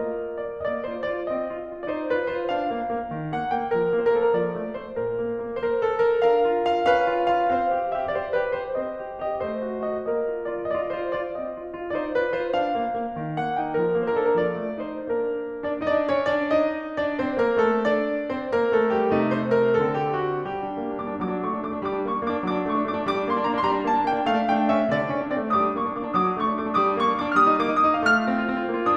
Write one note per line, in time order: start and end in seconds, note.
0.00 0.59 A#3
0.00 0.59 F4
0.00 0.59 A#4
0.00 0.37 D#5
0.37 0.59 D5
0.59 0.81 A#3
0.59 0.66 D#5
0.66 0.81 D5
0.81 1.03 F4
0.81 1.03 C5
1.04 1.25 F4
1.04 1.25 D5
1.27 1.50 C4
1.27 1.88 D#5
1.51 1.66 F4
1.66 1.88 F4
1.88 2.09 D#4
1.88 1.93 D5
1.94 2.09 C5
2.09 2.29 F4
2.09 2.29 B4
2.29 2.51 F4
2.29 2.51 C5
2.52 2.71 D4
2.52 3.31 F5
2.72 2.93 A#3
2.93 3.05 A#3
3.05 3.31 D#3
3.31 3.49 A#3
3.31 3.49 F#5
3.51 3.74 A#3
3.51 3.74 G5
3.74 3.98 F3
3.74 4.14 A#4
3.98 4.14 A#3
4.14 4.35 A#3
4.14 4.19 C5
4.20 4.26 A#4
4.26 4.31 A4
4.31 4.35 A#4
4.37 4.60 F3
4.37 4.81 D5
4.61 4.81 A3
4.81 4.99 A3
4.81 4.99 C5
4.99 5.20 A#2
4.99 5.40 A#4
5.21 5.40 A#3
5.41 5.61 A#3
5.61 5.65 C5
5.65 5.79 A#4
5.79 6.01 A4
6.01 6.25 A#4
6.26 6.51 D4
6.26 6.91 A#4
6.26 6.70 F5
6.52 6.70 F4
6.71 6.91 F4
6.71 6.91 F5
6.91 7.09 C#4
6.91 7.52 B4
6.91 7.30 F5
7.09 7.30 F4
7.30 7.52 F4
7.30 7.52 F5
7.52 7.74 C4
7.52 8.20 C5
7.52 7.99 F5
7.76 7.99 G4
8.00 8.20 G4
8.00 8.20 E5
8.21 8.42 G4
8.21 8.42 C5
8.21 8.24 D5
8.42 8.63 G4
8.42 8.63 B4
8.63 8.82 G4
8.63 8.82 C5
8.82 9.03 C4
8.82 9.45 C5
8.82 9.28 D#5
9.03 9.28 G4
9.29 9.45 G4
9.29 9.45 D#5
9.49 9.69 A3
9.49 10.05 C5
9.49 9.88 D#5
9.71 9.88 F#4
9.88 10.05 F#4
9.88 10.05 D#5
10.05 10.31 A#3
10.05 10.73 A#4
10.05 10.53 D#5
10.31 10.53 F4
10.53 10.73 F4
10.53 10.73 D5
10.74 10.93 F4
10.74 10.79 D#5
10.79 10.93 D5
10.95 11.16 F4
10.95 11.16 C5
11.17 11.39 F4
11.17 11.39 D5
11.39 11.58 C4
11.39 11.92 D#5
11.58 11.77 F4
11.77 11.92 F4
11.94 12.12 D#4
11.94 11.98 D5
11.98 12.12 C5
12.12 12.34 F4
12.12 12.34 B4
12.34 12.52 F4
12.34 12.52 C5
12.52 12.77 D4
12.52 13.41 F5
12.78 13.00 A#3
13.01 13.22 A#3
13.22 13.41 D#3
13.41 13.55 A#3
13.41 13.55 F#5
13.56 13.75 D#4
13.56 13.75 G5
13.76 13.98 F3
13.76 14.16 A#4
13.98 14.16 A#3
14.16 14.34 D4
14.16 14.22 C5
14.23 14.30 A4
14.23 14.26 A#4
14.30 14.56 F3
14.30 14.34 A#4
14.30 14.80 D5
14.57 14.80 A3
14.80 15.05 D#4
14.80 15.05 C5
15.05 15.53 A#3
15.05 15.53 D4
15.05 15.53 A#4
15.55 15.86 D4
15.55 15.86 D5
15.87 15.92 D#4
15.87 15.92 D#5
15.92 16.10 D4
15.92 16.10 D5
16.10 16.31 C#4
16.10 16.31 C#5
16.31 16.59 D4
16.31 16.59 D5
16.59 17.00 D#4
16.59 17.00 D#5
17.00 17.21 D4
17.00 17.21 D5
17.21 17.39 C4
17.21 17.39 C5
17.39 17.58 A#3
17.39 17.58 A#4
17.59 17.81 A3
17.59 17.81 A4
17.84 18.31 D4
17.84 18.31 D5
18.31 18.49 C4
18.31 18.49 C5
18.51 18.70 A#3
18.51 18.70 A#4
18.72 18.89 A3
18.72 18.89 A4
18.89 19.11 G3
18.89 19.11 G4
19.11 19.80 C3
19.11 19.80 A3
19.11 19.31 D#4
19.31 19.54 C5
19.55 19.80 A#4
19.80 20.51 D3
19.80 20.51 C4
19.80 20.03 A4
20.03 20.26 G4
20.26 20.51 F#4
20.53 20.65 G3
20.53 20.98 G4
20.65 20.77 D4
20.78 20.90 A#3
20.90 20.98 D4
20.98 21.08 A#3
20.98 21.22 D6
21.10 21.22 D4
21.22 21.33 F#3
21.22 21.43 D6
21.34 21.43 D4
21.43 21.55 A3
21.43 21.62 C#6
21.55 21.62 D4
21.63 21.72 A3
21.63 21.84 D6
21.72 21.84 D4
21.84 21.94 G3
21.84 22.04 D6
21.95 22.04 D4
22.04 22.12 A#3
22.04 22.22 C#6
22.13 22.22 D4
22.22 22.36 A#3
22.22 22.43 D6
22.36 22.43 D4
22.44 22.53 F#3
22.44 22.62 D6
22.53 22.62 D4
22.63 22.73 A3
22.63 22.87 C#6
22.73 22.87 D4
22.87 22.99 A3
22.87 23.08 D6
23.00 23.08 D4
23.08 23.19 G3
23.08 23.27 D6
23.19 23.27 D4
23.27 23.32 A#3
23.27 23.41 C6
23.32 23.41 D4
23.42 23.51 A#3
23.42 23.63 A#5
23.51 23.63 D4
23.63 23.72 G3
23.63 23.68 C6
23.68 23.82 A#5
23.73 23.82 D4
23.82 23.92 A#3
23.82 24.01 A5
23.93 24.01 D4
24.01 24.09 A#3
24.01 24.17 G5
24.09 24.17 D4
24.20 24.31 A3
24.20 24.45 F5
24.31 24.45 D4
24.45 24.54 A3
24.45 24.66 G5
24.54 24.66 D4
24.66 24.78 A3
24.66 24.87 E5
24.79 24.87 C#4
24.87 24.97 D3
24.87 25.29 D5
24.97 25.07 D4
25.08 25.17 C#4
25.17 25.29 D4
25.30 25.39 C4
25.30 25.50 D5
25.39 25.50 A3
25.50 25.69 G3
25.50 25.58 D#6
25.58 25.80 D6
25.70 25.80 D4
25.80 25.93 A#3
25.80 25.98 C#6
25.93 25.98 D4
25.98 26.06 A#3
25.98 26.17 D6
26.06 26.17 D4
26.18 26.26 F#3
26.18 26.23 D#6
26.23 26.37 D4
26.23 26.37 D6
26.37 26.46 A3
26.37 26.56 C#6
26.47 26.56 D4
26.56 26.67 A3
26.56 26.77 D6
26.68 26.77 D4
26.77 26.89 G3
26.77 26.82 D#6
26.82 26.97 D6
26.89 26.97 D4
26.98 27.07 A#3
26.98 27.17 C#6
27.07 27.17 D4
27.18 27.28 A#3
27.18 27.39 D6
27.28 27.39 D4
27.39 27.48 G3
27.39 27.43 F6
27.43 27.61 D#6
27.49 27.61 D#4
27.61 27.71 A#3
27.61 27.81 D6
27.71 27.81 D#4
27.81 27.92 A#3
27.81 28.01 D#6
27.92 28.01 D#4
28.03 28.14 A3
28.03 28.07 F5
28.07 28.96 F6
28.14 28.29 F4
28.29 28.46 C4
28.47 28.57 F4
28.57 28.67 C4
28.68 28.78 F4
28.78 28.87 A#3
28.87 28.96 F4